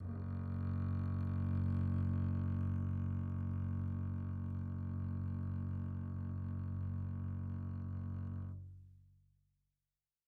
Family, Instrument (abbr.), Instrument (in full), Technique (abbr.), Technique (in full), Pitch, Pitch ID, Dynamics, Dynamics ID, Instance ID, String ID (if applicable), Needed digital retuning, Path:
Strings, Cb, Contrabass, ord, ordinario, F#1, 30, pp, 0, 3, 4, FALSE, Strings/Contrabass/ordinario/Cb-ord-F#1-pp-4c-N.wav